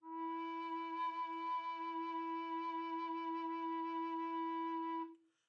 <region> pitch_keycenter=64 lokey=64 hikey=65 tune=-1 volume=16.132348 offset=924 ampeg_attack=0.004000 ampeg_release=0.300000 sample=Aerophones/Edge-blown Aerophones/Baroque Tenor Recorder/SusVib/TenRecorder_SusVib_E3_rr1_Main.wav